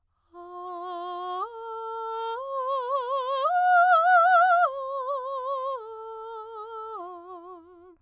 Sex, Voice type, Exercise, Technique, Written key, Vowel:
female, soprano, arpeggios, slow/legato piano, F major, a